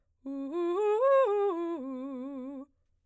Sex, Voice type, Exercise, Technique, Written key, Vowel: female, soprano, arpeggios, fast/articulated piano, C major, u